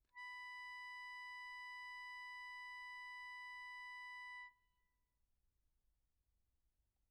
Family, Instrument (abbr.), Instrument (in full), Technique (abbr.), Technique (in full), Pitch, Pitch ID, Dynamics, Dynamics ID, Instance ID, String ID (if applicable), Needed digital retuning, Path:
Keyboards, Acc, Accordion, ord, ordinario, B5, 83, pp, 0, 1, , FALSE, Keyboards/Accordion/ordinario/Acc-ord-B5-pp-alt1-N.wav